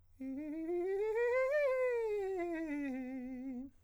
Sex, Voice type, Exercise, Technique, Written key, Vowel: male, countertenor, scales, fast/articulated piano, C major, e